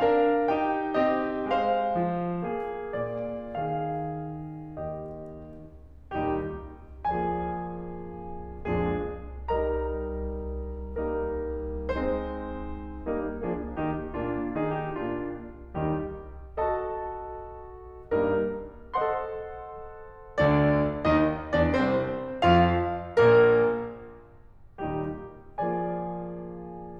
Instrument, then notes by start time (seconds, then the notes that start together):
piano
0.01 D4 A#4 F5
0.51 D#4 G4 G5
1.05 C4 G4 D#5
1.53 G#3 C5 F5
2.03 F3
2.47 A#3 G#4
2.92 A#2 D5
3.52 D#3 G#4 F5
4.78 D#2 G4 D#5
6.10 D#2 A#2 D#3 G3 D#4 G4
7.04 F3 A#3 F4 G#4 D5 G#5
8.49 F2 A#2 F3 G#3 D4 G#4
9.46 G3 D#4 G4 A#4 D#5 A#5
11.02 G3 A#3 D#4 A#4
11.91 G#3 C4 D#4 C5
13.06 G3 A#3 D#4 A#4
13.40 F3 A#3 D4 G#4
13.80 D#3 A#3 D#4 G4
14.16 A#2 A#3 D4 F4
14.61 D#3 A#3 D#4 G#4
14.85 G4
15.02 A#2 A#3 D4 F4
15.76 D#2 D#3 G3 D#4 G4
16.56 F#4 A4 D#5 A5
18.11 G2 G3 A#3 D#4 A#4
18.95 A4 C5 D#5 F#5 C6
20.39 D2 D3 D4 D5
21.07 D#2 D#3 D#4 D#5
21.54 D2 D3 D4 D5
21.69 C2 C3 C4 C5
22.40 F2 F3 F4 F5
23.12 A#1 A#2 A#3 A#4
24.79 D#2 A#2 D#3 G3 D#4 G4
25.59 F3 A#3 F4 G#4 D5 G#5